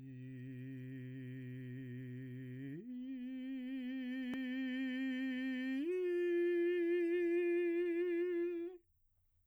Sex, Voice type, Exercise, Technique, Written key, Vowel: male, baritone, long tones, full voice pianissimo, , i